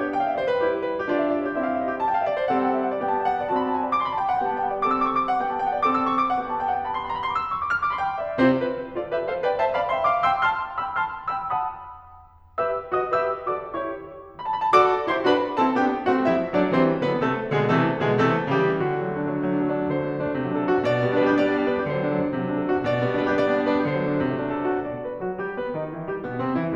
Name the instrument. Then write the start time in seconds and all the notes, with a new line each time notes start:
piano
0.00 D5
0.09 G4
0.16 G5
0.21 F5
0.29 E5
0.36 D5
0.42 C5
0.49 B4
0.58 G3 E4 G4 C5
0.67 D5
0.74 C5
0.84 B4
0.92 C5
1.01 G4
1.10 D4 F4 D5
1.20 E5
1.29 D5
1.36 C#5
1.45 D5
1.51 G4
1.57 C4 E4 E5
1.66 E5 F5
1.79 D#5
1.87 E5
1.94 C5
2.02 A5
2.08 G5
2.16 F5
2.25 E5
2.35 D5
2.43 C5
2.51 G3 C4 A4 F#5
2.61 G5
2.71 F#5
2.79 E5
2.88 F#5
2.95 D5
3.04 B3 G4 G5
3.13 A5
3.20 G5
3.30 F#5
3.37 G5
3.41 D5
3.48 C4 F#4 A5
3.55 B5
3.63 A5
3.69 G#5
3.74 A5
3.81 D5
3.89 D6
3.97 C6
4.05 B5
4.14 A5
4.24 G5
4.33 F#5
4.44 G3 B3 G4 G5
4.49 A5
4.55 G5
4.61 F#5
4.68 G5
4.76 D5
4.85 C4 A4 D6
4.93 E6
5.03 D6
5.11 C#6
5.20 D6
5.28 F#5
5.39 G3 B3 G4 G5
5.49 A5
5.56 G5
5.62 F#5
5.69 G5
5.79 D5
5.86 C4 A4 D6
5.92 E6
6.01 D6
6.11 C#6
6.21 D6
6.32 F#5
6.46 B3 D4 G4 G5
6.55 A5
6.63 G5
6.68 F#5
6.77 G5
6.84 A5
6.93 B5
7.01 C6
7.12 B5
7.22 A#5
7.30 B5
7.40 C6
7.47 D6
7.56 E6
7.62 D6
7.67 C#6
7.74 D6 E6
7.87 F6
7.95 D6
8.02 B5
8.12 G5
8.21 F5
8.30 D5
8.39 C3 C4 E4 G4 C5
8.60 D4 F4 B4
8.78 E4 G4 C5
8.95 F4 A4 D5
9.09 G4 B4 E5
9.26 A4 C5 F5
9.44 B4 D5 G5
9.56 C5 E5 A5
9.74 D5 F5 B5
9.90 E5 G5 C6
10.10 F5 A5 D6
10.26 G5 C6 E6
10.44 A5 C6 F6
10.76 G5 C6 E6
10.96 A5 C6 F6
11.32 G5 C6 E6
11.49 F#5 A5 C6 D#6
12.42 B5
12.60 G4 B4 E5 E6
13.00 F#4 A4 D#5 D#6
13.19 G4 B4 E5 E6
13.53 F#4 A4 D5 D6
13.69 E4 G4 C#5 C#6
14.55 A5 B5
14.63 G5
14.69 A5
14.74 F#4 A4 D5 D6
15.10 E4 G4 C5 C6
15.27 D4 F#4 B4 B5
15.59 C4 E4 A4 A5
15.81 B3 D4 G4 G5
16.10 A3 C4 F#4 F#5
16.25 G3 B3 E4 E5
16.53 F#3 A3 D4 D5
16.68 E3 G3 C4 C5
16.99 D3 F#3 B3 B4
17.17 C3 E3 A3 A4
17.54 B2 D3 G#3 G#4
17.71 C3 E3 A3 A4
18.00 B2 D3 G#3 G#4
18.18 C3 E3 A3 A4
18.54 C#3 E3 G3 G4
18.78 D3 F#4
18.87 F#3 A3
18.96 D4
19.04 F#3 A3
19.12 D4
19.23 F#3 A3
19.31 D4
19.42 F#3 A3
19.52 D4
19.66 F#3 A3
19.75 D4
19.84 F#3 A3
19.93 D3 C5
20.02 F#3 A3
20.09 D4
20.14 F#3 A3
20.22 D4
20.32 F#3 A3
20.40 C3
20.47 F#3 A3
20.54 D4 A4
20.62 F#3 A3
20.71 D4 F#4
20.79 F#3 A3
20.86 B2 D5
20.96 G3 B3
21.04 D4
21.13 G3 B3
21.18 D4 B4
21.26 G3 B3 G4
21.35 D4 D5
21.43 G3 B3
21.54 D4
21.61 G3 B3
21.68 D4 B4
21.78 G3 B3 G4
21.86 D3 C5
21.97 F#3 A3
22.05 D4
22.14 F#3 A3
22.21 D4
22.28 F#3 A3
22.37 C3
22.44 F#3 A3
22.49 D4 A4
22.58 F#3 A3
22.65 D4 F#4
22.74 F#3 A3
22.84 B2 D5
22.93 G3 B3
23.03 D4
23.12 G3 B3
23.20 D4 B4
23.27 G3 B3 G4
23.36 D4 D5
23.45 G3 B3
23.50 D4
23.59 G3 B3
23.66 D4 B4
23.73 G3 B3 G4
23.81 D3 C5
23.89 F#3 A3
24.00 D4
24.13 F#3 A3
24.21 D4
24.30 F#3 A3
24.38 C3
24.45 F#3 A3
24.51 D4 A4
24.60 F#3 A3
24.67 D4 F#4
24.75 F#3 A3
24.86 B2 D5
25.03 B4
25.21 F#3 F#4
25.41 G3 G4
25.59 B3 B4
25.75 D#3 D#4
25.93 E3 E4
26.08 G3 G4
26.20 B2 B3
26.39 C3 C4
26.60 E3 E4